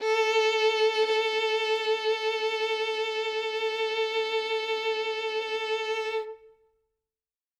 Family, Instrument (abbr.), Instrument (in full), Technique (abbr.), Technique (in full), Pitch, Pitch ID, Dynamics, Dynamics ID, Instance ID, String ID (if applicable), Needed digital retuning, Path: Strings, Vn, Violin, ord, ordinario, A4, 69, ff, 4, 3, 4, FALSE, Strings/Violin/ordinario/Vn-ord-A4-ff-4c-N.wav